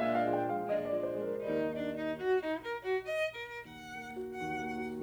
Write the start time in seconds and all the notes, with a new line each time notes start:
0.01 A#2 G#3 D4 E5
0.17 F5
0.23 F3
0.32 G5
0.45 G#3
0.52 F5
0.70 A#2 G#3 D4 D#5
0.86 D5
0.93 F3
1.05 C5
1.17 G#3
1.24 A#4
1.42 D#2 D#3 G3 D#4 A#4
1.61 D#5
1.67 D4
1.92 D#4
2.15 F#4
2.40 D#4
2.58 A#4
2.83 F#4
3.08 D#5
3.33 A#4
3.63 D#2 D#3 F#5
3.88 A#3
4.13 F#4
4.38 D#2 D#3 F#5
4.58 A#3
4.79 F#4